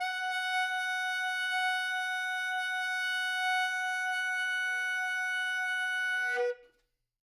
<region> pitch_keycenter=78 lokey=78 hikey=79 volume=16.177482 lovel=84 hivel=127 ampeg_attack=0.004000 ampeg_release=0.500000 sample=Aerophones/Reed Aerophones/Tenor Saxophone/Non-Vibrato/Tenor_NV_Main_F#4_vl3_rr1.wav